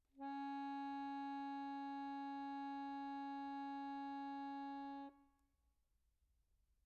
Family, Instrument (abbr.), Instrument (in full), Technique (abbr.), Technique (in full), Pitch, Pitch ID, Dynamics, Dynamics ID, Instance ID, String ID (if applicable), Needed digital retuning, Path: Keyboards, Acc, Accordion, ord, ordinario, C#4, 61, pp, 0, 0, , FALSE, Keyboards/Accordion/ordinario/Acc-ord-C#4-pp-N-N.wav